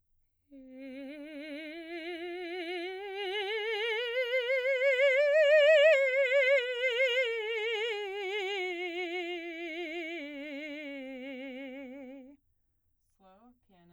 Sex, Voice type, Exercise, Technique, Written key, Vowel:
female, soprano, scales, slow/legato piano, C major, e